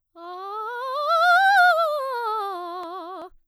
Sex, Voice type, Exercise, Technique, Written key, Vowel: female, soprano, scales, fast/articulated piano, F major, a